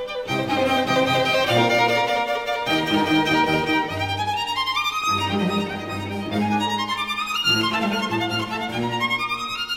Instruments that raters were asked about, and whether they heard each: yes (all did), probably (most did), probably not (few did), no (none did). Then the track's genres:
violin: yes
guitar: no
cymbals: no
Classical